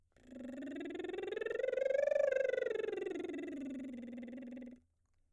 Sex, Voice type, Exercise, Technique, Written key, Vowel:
female, soprano, scales, lip trill, , e